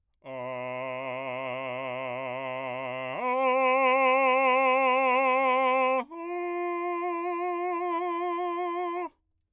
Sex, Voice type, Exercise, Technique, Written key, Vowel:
male, bass, long tones, full voice forte, , a